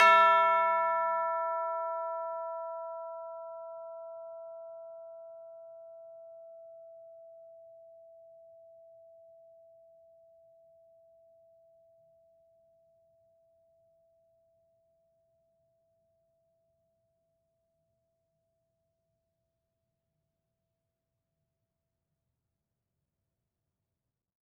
<region> pitch_keycenter=64 lokey=64 hikey=64 volume=6.853851 lovel=84 hivel=127 ampeg_attack=0.004000 ampeg_release=30.000000 sample=Idiophones/Struck Idiophones/Tubular Bells 2/TB_hit_E4_v4_1.wav